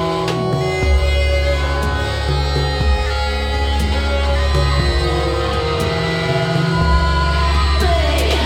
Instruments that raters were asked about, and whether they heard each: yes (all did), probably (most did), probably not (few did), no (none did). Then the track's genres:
voice: yes
violin: probably not
Experimental; Unclassifiable